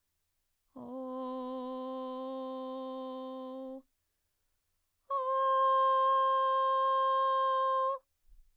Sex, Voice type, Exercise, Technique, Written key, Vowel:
female, mezzo-soprano, long tones, inhaled singing, , o